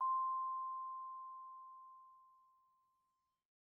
<region> pitch_keycenter=84 lokey=83 hikey=86 volume=22.966545 offset=115 lovel=0 hivel=83 ampeg_attack=0.004000 ampeg_release=15.000000 sample=Idiophones/Struck Idiophones/Vibraphone/Soft Mallets/Vibes_soft_C5_v1_rr1_Main.wav